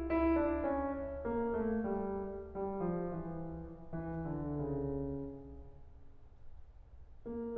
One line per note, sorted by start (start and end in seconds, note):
0.15 0.36 E4
0.37 0.70 D4
0.71 0.94 C#4
1.29 1.51 A#3
1.52 1.86 A3
1.87 2.18 G3
2.62 2.81 G3
2.82 3.03 F3
3.04 3.27 E3
3.68 4.25 E3
4.27 4.47 D3
4.49 4.73 C#3
7.33 7.57 A#3